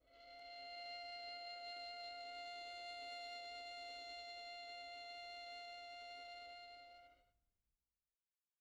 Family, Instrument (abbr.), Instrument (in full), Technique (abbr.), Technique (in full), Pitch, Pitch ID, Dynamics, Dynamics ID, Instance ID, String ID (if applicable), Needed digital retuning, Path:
Strings, Vn, Violin, ord, ordinario, F5, 77, pp, 0, 2, 3, FALSE, Strings/Violin/ordinario/Vn-ord-F5-pp-3c-N.wav